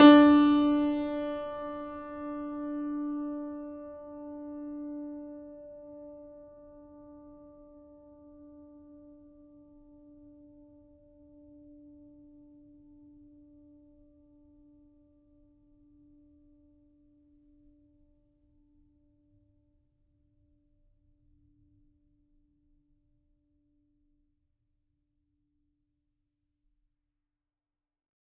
<region> pitch_keycenter=62 lokey=62 hikey=63 volume=-0.811287 lovel=100 hivel=127 locc64=65 hicc64=127 ampeg_attack=0.004000 ampeg_release=0.400000 sample=Chordophones/Zithers/Grand Piano, Steinway B/Sus/Piano_Sus_Close_D4_vl4_rr1.wav